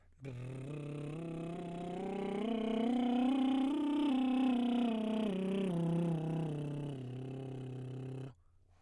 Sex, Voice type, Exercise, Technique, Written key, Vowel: male, baritone, scales, lip trill, , a